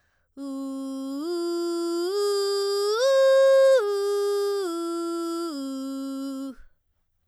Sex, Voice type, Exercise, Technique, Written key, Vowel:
female, soprano, arpeggios, belt, , u